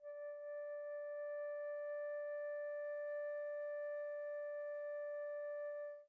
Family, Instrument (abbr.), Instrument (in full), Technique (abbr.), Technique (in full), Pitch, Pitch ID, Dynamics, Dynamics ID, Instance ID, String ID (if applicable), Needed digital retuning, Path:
Winds, Fl, Flute, ord, ordinario, D5, 74, pp, 0, 0, , FALSE, Winds/Flute/ordinario/Fl-ord-D5-pp-N-N.wav